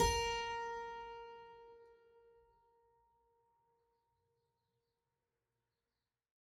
<region> pitch_keycenter=70 lokey=70 hikey=71 volume=0.664721 trigger=attack ampeg_attack=0.004000 ampeg_release=0.400000 amp_veltrack=0 sample=Chordophones/Zithers/Harpsichord, French/Sustains/Harpsi2_Normal_A#3_rr1_Main.wav